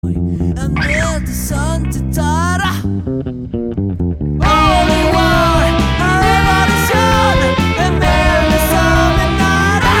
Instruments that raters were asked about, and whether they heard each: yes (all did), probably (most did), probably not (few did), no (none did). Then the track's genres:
bass: yes
Rock; Post-Rock; Post-Punk